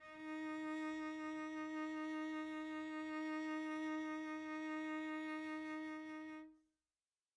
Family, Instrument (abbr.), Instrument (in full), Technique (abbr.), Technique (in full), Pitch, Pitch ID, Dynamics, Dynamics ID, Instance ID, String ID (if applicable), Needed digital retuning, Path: Strings, Vc, Cello, ord, ordinario, D#4, 63, pp, 0, 0, 1, FALSE, Strings/Violoncello/ordinario/Vc-ord-D#4-pp-1c-N.wav